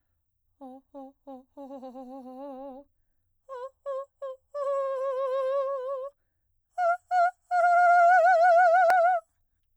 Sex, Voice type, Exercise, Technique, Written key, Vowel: female, soprano, long tones, trillo (goat tone), , o